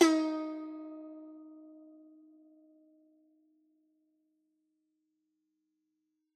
<region> pitch_keycenter=63 lokey=63 hikey=64 volume=3.371601 lovel=100 hivel=127 ampeg_attack=0.004000 ampeg_release=0.300000 sample=Chordophones/Zithers/Dan Tranh/Normal/D#3_ff_1.wav